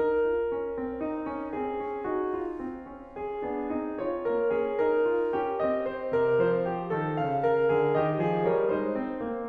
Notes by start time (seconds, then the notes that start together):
0.00 D#4 A#4
0.30 F4
0.51 C#4
0.75 C4
1.02 D#4
1.28 C#4
1.54 C4 G#4
1.80 C#4
2.04 D#4 F#4
2.38 F4
2.68 C4
2.95 C#4
3.20 G#4
3.47 B3 D4
3.80 C4 D#4
4.06 F4 C#5
4.30 A#3 A#4
4.55 C#4 G#4
4.83 D#4 A#4
5.10 F4
5.32 C#4 G4
5.61 C4 D#5
5.86 C5
6.15 C3 A#4
6.43 F3 C5
6.64 G4
6.91 D#3 A4
7.15 C#3 F5
7.38 A#4
7.67 C#3 G#4
7.93 D#3 G4 D#5
8.22 F3 G#4
8.49 G3 A#4 C#5
8.74 G#3 D#4 C5
9.02 C4
9.23 A#3